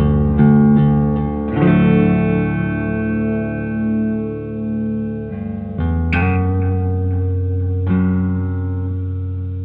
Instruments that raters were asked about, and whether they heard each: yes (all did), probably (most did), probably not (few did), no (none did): drums: no
guitar: yes
cymbals: no